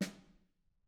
<region> pitch_keycenter=61 lokey=61 hikey=61 volume=23.589461 offset=199 lovel=0 hivel=54 seq_position=1 seq_length=2 ampeg_attack=0.004000 ampeg_release=15.000000 sample=Membranophones/Struck Membranophones/Snare Drum, Modern 2/Snare3M_HitSN_v2_rr1_Mid.wav